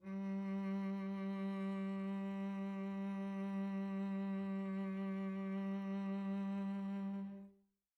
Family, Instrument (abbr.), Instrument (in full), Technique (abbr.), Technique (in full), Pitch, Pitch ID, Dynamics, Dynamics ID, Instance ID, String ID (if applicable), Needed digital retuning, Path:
Strings, Vc, Cello, ord, ordinario, G3, 55, pp, 0, 2, 3, FALSE, Strings/Violoncello/ordinario/Vc-ord-G3-pp-3c-N.wav